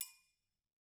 <region> pitch_keycenter=70 lokey=70 hikey=70 volume=19.512128 offset=184 lovel=84 hivel=127 seq_position=2 seq_length=2 ampeg_attack=0.004000 ampeg_release=30.000000 sample=Idiophones/Struck Idiophones/Triangles/Triangle6_HitFM_v2_rr2_Mid.wav